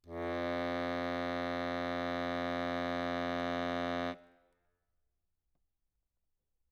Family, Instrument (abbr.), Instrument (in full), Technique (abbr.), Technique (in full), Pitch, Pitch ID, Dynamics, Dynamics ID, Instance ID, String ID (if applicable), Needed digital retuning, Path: Keyboards, Acc, Accordion, ord, ordinario, F2, 41, ff, 4, 1, , FALSE, Keyboards/Accordion/ordinario/Acc-ord-F2-ff-alt1-N.wav